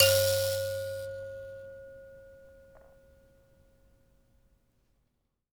<region> pitch_keycenter=73 lokey=73 hikey=73 volume=1.386160 ampeg_attack=0.004000 ampeg_release=15.000000 sample=Idiophones/Plucked Idiophones/Mbira Mavembe (Gandanga), Zimbabwe, Low G/Mbira5_Normal_MainSpirit_C#4_k14_vl2_rr1.wav